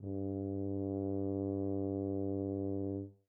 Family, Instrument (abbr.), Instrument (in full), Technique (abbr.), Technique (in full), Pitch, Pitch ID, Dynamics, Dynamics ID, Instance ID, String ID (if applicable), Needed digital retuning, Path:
Brass, BTb, Bass Tuba, ord, ordinario, G2, 43, mf, 2, 0, , TRUE, Brass/Bass_Tuba/ordinario/BTb-ord-G2-mf-N-T15u.wav